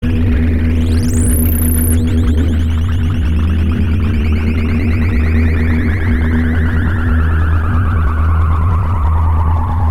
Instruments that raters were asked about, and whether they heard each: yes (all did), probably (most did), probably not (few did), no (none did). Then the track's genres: synthesizer: yes
Experimental